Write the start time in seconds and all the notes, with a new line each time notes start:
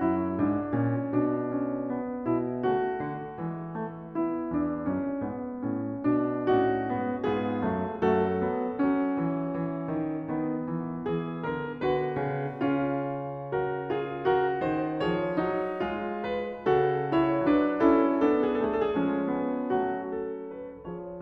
0.00 F#2 E4
0.48 G#2 D4
0.80 A#2 C#4
1.14 B2 D4
1.42 C#4
2.03 B3
2.33 B2 E4
2.62 C#3 A3 F#4
2.94 D3
3.38 E3 G#3
3.81 A3
4.16 B3 E4
4.52 E2 D4
4.96 F#2 C#4
5.22 G#2 B3
5.65 A2 C#4
6.06 B2 D4
6.49 A2 C#4 D#4 F#4
6.92 G#2 B3
7.23 G#2 B3 F4 G#4
7.59 F#2 A3
8.07 F#2 A3 F#4 A4
8.44 F#3 B3
8.78 F#3 C#4
9.16 E3
9.56 E3
9.87 D#3
10.27 D#3 B3
10.70 E3
11.03 E3 G#4
11.45 D3 A#4
11.78 D3 F#4 B4
12.17 C#3
12.63 C#3 C#4 F4
13.53 F#4 A#4
13.91 F4 G#4
14.32 A#4
14.36 F#4
14.61 C5
14.66 D#3
15.05 F3 G#4 C#5
15.37 F#3 D#4
15.86 G#3 F4
16.32 B4
16.71 C#3 F#4 A4
17.16 E4 C#5
17.47 F#3 D4 B4
17.74 C#4 E4 A4
18.16 B3 D4 G#4
18.55 A3
19.01 F3 G#3 C#4
19.27 B3
19.71 F#3 A3 F#4
20.12 A4
20.50 B4
20.86 F3 G#4 C#5